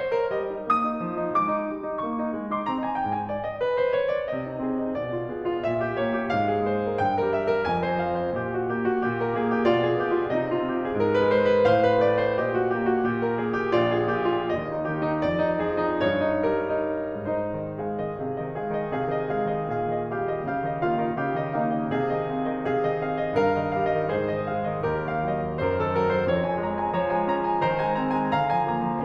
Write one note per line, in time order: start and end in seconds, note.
0.01 0.19 C5
0.20 0.33 A#4
0.34 0.52 G3
0.34 0.66 D#5
0.53 0.66 D#4
0.67 0.84 A#3
0.67 1.36 D#6
0.85 1.02 D#4
1.04 1.21 F3
1.22 1.36 D#4
1.36 1.57 G#3
1.36 2.04 D6
1.58 1.70 D#4
1.71 1.84 G3
1.85 2.04 D#4
2.05 2.21 A#3
2.05 2.46 C#6
2.22 2.34 D#4
2.35 2.46 G#3
2.47 2.68 D#4
2.47 2.68 C6
2.69 2.80 C4
2.69 2.80 A#5
2.82 2.94 D#4
2.82 2.94 G#5
2.95 3.56 G#2
2.95 3.07 G5
3.08 3.27 G#5
3.28 3.43 D5
3.43 3.56 D#5
3.58 3.71 B4
3.72 3.90 C5
3.91 4.10 C#5
4.10 4.29 D5
4.30 4.60 C3
4.30 4.93 D#5
4.44 4.60 D#4
4.61 4.93 C4
4.61 4.81 G#4
4.82 4.93 D#4
4.95 5.29 B2
4.95 5.63 D5
5.15 5.29 F4
5.30 5.63 B3
5.30 5.49 G#4
5.50 5.63 F4
5.64 5.93 A#2
5.64 6.28 E5
5.81 5.93 G4
5.93 6.28 A#3
5.93 6.05 C#5
6.07 6.28 G4
6.28 6.61 G#2
6.28 6.97 F5
6.51 6.61 G#4
6.62 6.97 G#3
6.62 6.82 C5
6.83 6.97 G#4
6.98 7.30 G2
6.98 7.69 G5
7.18 7.30 A#4
7.31 7.69 G3
7.31 7.53 E5
7.54 7.69 A#4
7.70 7.98 F2
7.70 8.32 G#5
7.87 7.98 C5
8.02 8.32 F3
8.02 8.17 F5
8.18 8.32 C5
8.33 8.67 A#2
8.33 8.50 G4
8.33 9.67 D#5
8.50 8.67 F#4
8.68 8.99 A#3
8.68 8.82 G4
8.83 8.99 F#4
9.02 9.31 A#2
9.02 9.20 G4
9.20 9.31 A#4
9.32 9.67 A#3
9.32 9.49 G#4
9.51 9.67 G4
9.68 10.05 B2
9.68 9.86 F4
9.68 10.35 D5
9.87 10.05 G#4
10.07 10.35 B3
10.07 10.21 G4
10.23 10.35 F4
10.36 10.65 C3
10.36 10.49 D#4
10.36 11.64 D#5
10.50 10.65 F4
10.66 10.93 C4
10.66 10.79 G4
10.80 10.93 G#4
10.94 11.23 G#2
10.94 11.09 A#4
11.10 11.23 B4
11.23 11.64 G#3
11.23 11.43 C5
11.45 11.64 A#4
11.65 11.89 A2
11.65 11.76 C5
11.65 12.36 F5
11.78 11.89 A#4
11.91 12.36 A3
11.91 12.05 D5
12.06 12.36 C5
12.37 12.70 A#2
12.37 12.49 G4
12.37 13.78 D#5
12.52 12.70 F#4
12.71 13.03 A#3
12.71 12.85 G4
12.86 13.03 F#4
13.04 13.47 A#2
13.04 13.19 G4
13.21 13.47 A#4
13.48 13.78 A#3
13.48 13.62 G#4
13.62 13.78 G4
13.79 14.12 A#1
13.79 13.91 F4
13.79 14.48 D5
13.95 14.12 G#4
14.14 14.48 A#2
14.14 14.31 G4
14.31 14.48 F4
14.52 14.95 D#2
14.52 15.31 D#5
14.72 14.95 D#4
14.96 15.31 D#3
14.96 15.16 G4
15.18 15.31 D#4
15.32 15.66 F2
15.32 15.99 D5
15.53 15.66 D#4
15.68 15.99 F3
15.68 15.85 G#4
15.87 15.99 D#4
16.00 16.49 G2
16.00 17.29 C#5
16.32 16.49 D#4
16.50 17.29 G3
16.50 16.96 A#4
16.98 17.29 D#4
17.37 17.55 G#2
17.37 17.82 D#4
17.37 17.55 C5
17.56 17.82 D#3
17.56 17.82 D#5
17.83 17.97 G#3
17.83 18.18 G#4
17.83 17.97 F5
17.98 18.18 D#3
17.98 18.18 D#5
18.19 18.36 C3
18.19 18.52 G#4
18.19 18.36 F5
18.37 18.52 D#3
18.37 18.52 D#5
18.54 18.70 G#3
18.54 18.90 G#4
18.54 18.70 F5
18.71 18.90 D#3
18.71 18.90 D#5
18.91 19.06 C3
18.91 19.22 G#4
18.91 19.06 F5
19.07 19.22 D#3
19.07 19.22 D#5
19.23 19.45 G#3
19.23 19.67 G#4
19.23 19.45 F5
19.46 19.67 D#3
19.46 19.67 D#5
19.68 19.87 A#2
19.68 20.14 G#4
19.68 19.87 F5
19.87 20.14 D#3
19.87 20.14 D#5
20.16 20.31 G3
20.16 20.44 G4
20.16 20.31 F5
20.32 20.44 D#3
20.32 20.44 D#5
20.46 20.65 C#3
20.46 20.75 G4
20.46 20.65 F5
20.65 20.75 D#3
20.65 20.75 D#5
20.76 21.01 A#3
20.76 21.17 F4
20.76 21.01 F5
21.02 21.17 D#3
21.02 21.17 D#5
21.21 21.40 C#3
21.21 21.55 G4
21.21 21.40 F5
21.43 21.55 D#3
21.43 21.55 D#5
21.57 21.72 A#3
21.57 21.94 D#4
21.57 21.72 F5
21.73 21.94 D#3
21.73 21.94 D#5
21.96 22.17 C3
21.96 22.65 G#4
21.96 22.17 F5
22.18 22.33 D#3
22.18 22.33 D#5
22.33 22.47 G#3
22.33 22.47 F5
22.48 22.65 D#3
22.48 22.65 D#5
22.67 22.81 C3
22.67 23.33 G#4
22.67 22.81 F5
22.82 23.04 D#3
22.82 23.04 D#5
23.04 23.20 G#3
23.04 23.20 F5
23.21 23.33 D#3
23.21 23.33 D#5
23.34 23.52 G2
23.34 24.06 A#4
23.34 23.52 F5
23.53 23.68 D#3
23.53 23.68 D#5
23.70 23.91 G3
23.70 23.91 F5
23.92 24.06 D#3
23.92 24.06 D#5
24.07 24.26 G#2
24.07 24.83 G#4
24.07 24.83 C5
24.07 24.26 F5
24.32 24.48 D#3
24.32 24.48 D#5
24.55 24.65 G#3
24.55 24.65 F5
24.67 24.83 D#3
24.67 24.83 D#5
24.84 25.01 D#2
24.84 25.47 G4
24.84 25.47 A#4
24.84 25.01 F5
25.04 25.20 D#3
25.04 25.20 D#5
25.21 25.33 G3
25.21 25.33 F5
25.33 25.47 D#3
25.33 25.47 D#5
25.48 25.73 F#2
25.48 25.63 C5
25.63 25.75 A#4
25.75 25.95 D#3
25.75 25.95 A4
25.98 26.11 F#3
25.98 26.11 A#4
26.12 26.22 D#3
26.12 26.22 C5
26.23 26.43 F2
26.23 26.98 C#5
26.44 26.69 F3
26.44 26.69 G#5
26.70 26.82 G#3
26.70 26.82 A#5
26.84 26.98 C4
26.84 26.98 G#5
26.99 27.16 F3
26.99 27.66 C#5
26.99 27.16 A#5
27.17 27.29 G#3
27.17 27.29 G#5
27.31 27.49 C#4
27.31 27.49 A#5
27.50 27.66 G#3
27.50 27.66 G#5
27.66 27.80 D#3
27.66 28.36 C5
27.66 27.80 A#5
27.81 27.99 G#3
27.81 27.99 G#5
28.00 28.13 C4
28.00 28.13 A#5
28.14 28.36 G#3
28.14 28.36 G#5
28.36 28.50 D3
28.36 29.04 F5
28.36 28.50 A#5
28.51 28.66 F3
28.51 28.66 G#5
28.67 28.88 A#3
28.67 28.88 A#5
28.89 29.04 F3
28.89 29.04 G#5